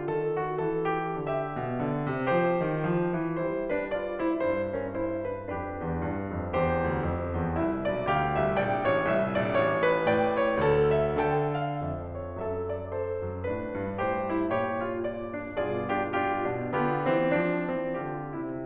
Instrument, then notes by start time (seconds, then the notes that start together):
piano
0.00 D#3 A4
0.41 F#4
0.62 E3 A4
1.06 G4
1.29 D3 G4 E5
1.58 B2
1.78 D3
2.14 C3
2.35 F3 G4 C5
2.66 D#3
2.83 F3
3.13 E3
3.37 G3 E4 C5
3.72 D4 B4
3.90 F4 D5
4.17 E4 C5
4.32 G2 E4 C5
4.76 C#4 A#4
4.96 E4 C5
5.28 D4 B4
5.49 F2 D4 G4 B4
5.84 E2
6.05 G2
6.43 F2
6.63 E2 G4 C5
6.95 D2
7.04 F2
7.37 E2
7.58 C2 E4 E5
7.85 B1 D5
8.06 D2 G4 F5
8.36 C2 E5
8.56 A#1 D5 G5
8.90 A1 C#5
9.11 C2 E5
9.39 A#1 D5
9.53 A1 C#5
9.88 B4
10.04 A2 D5 G5
10.41 C#5
10.57 D2 A4
10.96 E5
11.16 D3 A4 G5
11.53 F5
11.75 F2 E5
12.14 C#5
12.28 F2 A4 E5
12.68 D5
12.88 A4 C5
13.27 F#2
13.48 A2 D4 B4
13.78 G2
13.96 G2 A2 G4 C5
14.33 E4
14.50 A#2 G4 C#5
14.83 F4
15.01 D5
15.34 D4
15.53 G2 F4 G#4 D5
15.92 D4 F4 G4
16.11 D4 F4 G4
16.53 B2 D4
16.73 D3 B3 G4
17.10 E3 C4
17.31 F3 D4
17.79 E3 C4
17.97 D3 F4 G4
18.40 C3 E4